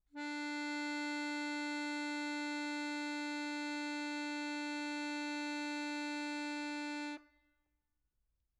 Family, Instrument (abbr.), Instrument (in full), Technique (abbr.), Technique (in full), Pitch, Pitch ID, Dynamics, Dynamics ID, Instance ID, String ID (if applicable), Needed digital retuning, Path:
Keyboards, Acc, Accordion, ord, ordinario, D4, 62, mf, 2, 1, , FALSE, Keyboards/Accordion/ordinario/Acc-ord-D4-mf-alt1-N.wav